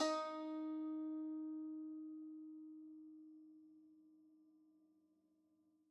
<region> pitch_keycenter=63 lokey=63 hikey=64 volume=16.910632 lovel=0 hivel=65 ampeg_attack=0.004000 ampeg_release=0.300000 sample=Chordophones/Zithers/Dan Tranh/Normal/D#3_mf_1.wav